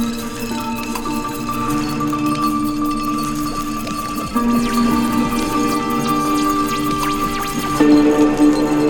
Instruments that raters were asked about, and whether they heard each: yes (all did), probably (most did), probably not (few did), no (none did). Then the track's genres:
mandolin: probably
banjo: no
mallet percussion: probably
Electronic; Hip-Hop; Experimental